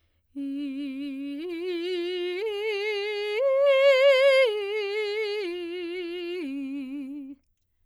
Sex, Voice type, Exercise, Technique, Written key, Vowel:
female, soprano, arpeggios, slow/legato piano, C major, i